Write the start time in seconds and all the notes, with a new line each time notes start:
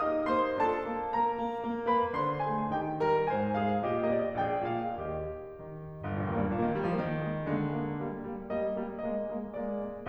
0.01 D#4 G4 D#5 D#6
0.32 A#3 C5 C6
0.56 D4 F4 A4 A5
0.84 A#3
1.07 A#3 A#4 A#5
1.33 A#3
1.63 A#3
1.86 A#3 B4 B5
2.15 D3 D4 C5 C6
2.42 A#3 G#4 G#5
2.70 D#3 D#4 G4 G5
3.02 G3 A#4 A#5
3.30 G#2 G#4 G#5
3.57 G#3 F4 F5
3.81 A#2 G4 D#5
4.19 A#3 F5
4.24 D#5
4.29 D5
4.35 D#5
4.39 A#1 G#4 D5 G5
4.71 A#2 F5
4.99 D#2 G4 D#5
5.58 D#3
6.03 G1
6.15 A#1
6.32 D#2 A#3
6.43 G2
6.53 A#2 A#3
6.64 D#3
6.76 G3 A#3
6.86 F3
6.99 D#3 G#3 A#3
7.29 G#3 A#3
7.55 D3 G#3 A#3
7.81 G#3 A#3
8.05 G3 A#3
8.34 G3 A#3
8.63 G3 A#3 D#5
8.85 G3 A#3
9.08 G#3 A#3 D#5
9.29 G#3 A#3
9.54 G#3 A#3 D5
9.83 G#3 A#3